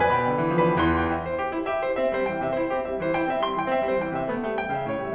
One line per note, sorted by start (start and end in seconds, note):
0.01 0.12 F2
0.01 0.63 B4
0.01 0.63 D5
0.01 0.12 G#5
0.01 0.63 B5
0.13 0.34 B2
0.13 0.63 G5
0.35 0.45 D3
0.45 0.63 E3
0.64 0.75 F3
0.64 0.75 B4
0.64 0.75 D5
0.64 0.75 G5
0.64 0.75 B5
0.75 1.09 E2
0.75 1.09 E3
0.75 0.96 C6
0.99 1.09 G5
1.10 1.27 E5
1.27 1.38 C5
1.38 1.53 G4
1.54 1.62 E4
1.63 1.84 G4
1.63 1.84 E5
1.85 1.96 E4
1.85 1.96 C5
1.97 2.14 C4
1.97 2.14 E5
2.15 2.26 G3
2.15 2.26 C5
2.26 2.44 E3
2.26 2.44 G5
2.46 2.55 C3
2.46 2.55 E5
2.55 2.73 E4
2.55 2.73 C5
2.73 2.84 C4
2.73 2.84 G4
2.85 3.04 G3
2.85 3.04 E5
3.04 3.13 E3
3.04 3.13 C5
3.14 3.33 E4
3.14 3.33 G5
3.34 3.41 C4
3.34 3.41 E5
3.41 3.59 G3
3.41 3.59 C6
3.60 3.70 E3
3.60 3.70 G5
3.71 3.91 C4
3.71 3.91 E5
3.92 4.00 G3
3.92 4.00 C5
4.00 4.20 E3
4.00 4.20 G5
4.21 4.32 C3
4.21 4.32 E5
4.32 4.52 A3
4.52 4.59 G3
4.60 4.78 E3
4.60 4.78 G5
4.78 4.87 C#3
4.78 4.87 E5
4.88 5.03 A2
4.88 5.03 C#5
5.04 5.14 G3
5.04 5.14 E5